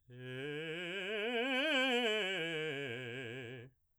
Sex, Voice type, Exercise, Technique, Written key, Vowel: male, baritone, scales, fast/articulated piano, C major, e